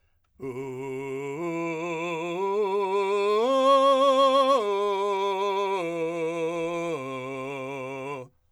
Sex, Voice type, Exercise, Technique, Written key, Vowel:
male, , arpeggios, belt, , u